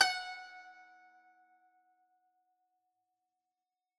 <region> pitch_keycenter=78 lokey=77 hikey=79 volume=8.937271 lovel=100 hivel=127 ampeg_attack=0.004000 ampeg_release=0.300000 sample=Chordophones/Zithers/Dan Tranh/Normal/F#4_ff_1.wav